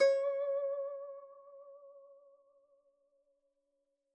<region> pitch_keycenter=73 lokey=73 hikey=74 volume=7.582071 lovel=0 hivel=83 ampeg_attack=0.004000 ampeg_release=0.300000 sample=Chordophones/Zithers/Dan Tranh/Vibrato/C#4_vib_mf_1.wav